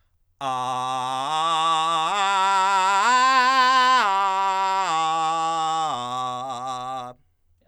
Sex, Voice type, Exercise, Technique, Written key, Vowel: male, countertenor, arpeggios, belt, , a